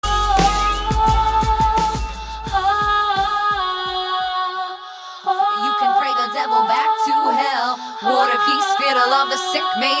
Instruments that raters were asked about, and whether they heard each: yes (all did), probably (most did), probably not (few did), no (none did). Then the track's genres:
voice: yes
saxophone: no
organ: no
Hip-Hop